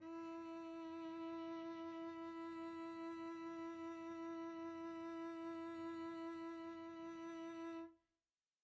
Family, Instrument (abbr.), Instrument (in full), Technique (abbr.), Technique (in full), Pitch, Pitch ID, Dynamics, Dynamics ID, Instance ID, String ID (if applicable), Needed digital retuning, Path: Strings, Vc, Cello, ord, ordinario, E4, 64, pp, 0, 1, 2, FALSE, Strings/Violoncello/ordinario/Vc-ord-E4-pp-2c-N.wav